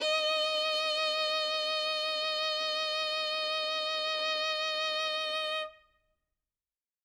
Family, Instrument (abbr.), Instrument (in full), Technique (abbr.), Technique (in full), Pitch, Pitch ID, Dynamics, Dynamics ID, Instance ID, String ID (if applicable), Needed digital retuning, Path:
Strings, Vn, Violin, ord, ordinario, D#5, 75, ff, 4, 2, 3, FALSE, Strings/Violin/ordinario/Vn-ord-D#5-ff-3c-N.wav